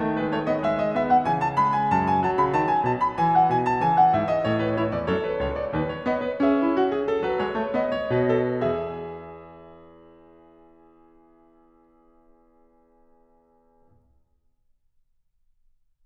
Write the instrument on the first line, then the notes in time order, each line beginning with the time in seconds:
piano
0.00 D#3 A3
0.19 G#3 B4
0.31 A3 C#5
0.46 B3 D#5
0.62 G#3 E5
0.79 D#5
0.94 B3 E5
1.09 F#5
1.25 C#3 E3 G#5
1.42 A5
1.58 G#3 B5
1.78 G#5
1.94 F#2 A5
2.09 G#5
2.23 F#3 A5
2.37 C#3 B5
2.54 D#3 A5
2.67 G#5
2.87 B2 A5
3.01 B5
3.18 E3 G#5
3.34 F#5
3.49 B2 G#5
3.70 A5
3.84 C#3 E3 G#5
3.97 F#5
4.16 G#2 E5
4.37 D#5
4.49 A2 E3 C#5
4.63 B4
4.78 E4 C#5
4.93 E2 D5
5.11 F#2 A4 C#5
5.22 B4
5.39 C#2 C#5
5.56 D5
5.77 D#2 B4
5.92 C#5
6.07 B3 D#5
6.23 B4
6.44 C#4 G#4 E5
6.61 E4
6.77 F#4
6.91 G#4
7.12 A4
7.21 F#3 B4
7.38 G#3 C#5
7.53 A3
7.71 B3 D#5
7.93 C#5
8.13 B2 B4
8.41 A4
8.65 E2 G#4 E5